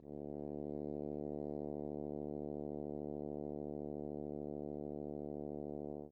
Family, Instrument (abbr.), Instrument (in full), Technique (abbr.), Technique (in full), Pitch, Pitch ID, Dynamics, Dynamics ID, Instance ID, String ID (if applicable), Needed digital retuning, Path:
Brass, Hn, French Horn, ord, ordinario, D2, 38, mf, 2, 0, , FALSE, Brass/Horn/ordinario/Hn-ord-D2-mf-N-N.wav